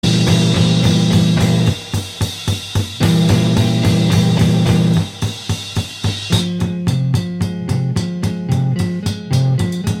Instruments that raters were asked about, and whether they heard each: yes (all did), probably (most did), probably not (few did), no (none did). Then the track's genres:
cymbals: yes
synthesizer: no
piano: no
organ: no
drums: yes
Loud-Rock; Experimental Pop